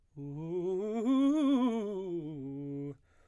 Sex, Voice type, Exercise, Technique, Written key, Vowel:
male, baritone, scales, fast/articulated piano, C major, u